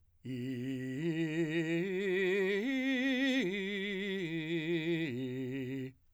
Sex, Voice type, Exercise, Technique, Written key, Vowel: male, , arpeggios, slow/legato forte, C major, i